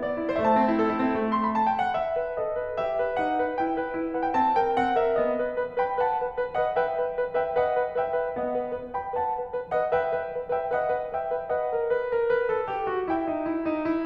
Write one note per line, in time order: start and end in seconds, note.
0.00 0.17 B3
0.00 0.34 D5
0.17 0.34 E4
0.34 0.46 A3
0.34 0.43 C5
0.43 0.63 C4
0.43 0.55 E5
0.55 1.27 A5
0.64 0.77 E4
0.77 0.91 A4
0.91 1.01 E4
1.01 1.14 C4
1.15 1.57 A3
1.28 1.44 C6
1.44 1.57 B5
1.57 1.70 A5
1.71 1.81 G5
1.82 1.93 F#5
1.93 2.38 E5
2.19 2.38 B4
2.38 2.55 A4
2.38 2.77 D#5
2.57 2.77 B4
2.77 2.97 G4
2.77 3.19 E5
2.97 3.19 B4
3.19 3.39 D#4
3.19 3.59 F#5
3.39 3.59 B4
3.60 3.78 E4
3.60 4.17 G5
3.80 3.95 B4
3.95 4.17 E4
4.17 4.34 B4
4.17 4.24 F#5
4.24 4.34 G5
4.34 4.59 C4
4.34 4.59 A5
4.59 4.77 A4
4.59 4.77 G5
4.77 4.97 C#4
4.77 4.97 F#5
4.98 5.17 A4
4.98 5.17 E5
5.18 5.32 B3
5.18 5.51 D#5
5.32 5.51 B4
5.51 5.80 B4
5.80 5.98 B4
5.80 5.98 G5
5.80 5.98 B5
5.98 6.21 B4
5.98 6.37 F#5
5.98 6.37 A5
6.22 6.37 B4
6.39 6.57 B4
6.58 6.82 B4
6.58 6.82 D#5
6.58 6.82 F#5
6.82 6.99 B4
6.82 7.15 E5
6.82 7.15 G5
6.99 7.15 B4
7.15 7.36 B4
7.36 7.56 B4
7.36 7.56 E5
7.36 7.56 G5
7.58 7.74 B4
7.58 7.95 D#5
7.58 7.95 F#5
7.77 7.95 B4
7.95 8.17 B4
7.95 8.37 E5
7.95 8.37 G5
8.17 8.37 B4
8.37 8.54 B3
8.37 8.71 D#5
8.37 8.71 F#5
8.54 8.71 B4
8.71 8.93 B4
8.95 9.14 B4
8.95 9.14 G5
8.95 9.14 B5
9.14 9.35 B4
9.14 9.53 F#5
9.14 9.53 A5
9.35 9.53 B4
9.53 9.74 B4
9.74 9.93 B4
9.74 9.93 D#5
9.74 9.93 F#5
9.93 10.12 B4
9.93 10.33 E5
9.93 10.33 G5
10.14 10.33 B4
10.34 10.53 B4
10.54 10.73 B4
10.54 10.73 E5
10.54 10.73 G5
10.73 10.92 B4
10.73 11.13 D#5
10.73 11.13 F#5
10.92 11.13 B4
11.13 11.34 B4
11.13 11.49 E5
11.13 11.49 G5
11.34 11.49 B4
11.51 11.69 B4
11.51 11.89 D#5
11.51 11.89 F#5
11.70 11.89 A#4
11.89 12.07 B4
12.07 12.26 A#4
12.26 12.50 B4
12.50 12.68 A4
12.68 12.88 G4
12.88 13.07 F#4
13.08 13.29 E4
13.08 13.49 E5
13.08 13.49 G5
13.29 13.49 D#4
13.49 13.64 E4
13.64 13.82 D#4
13.82 14.05 E4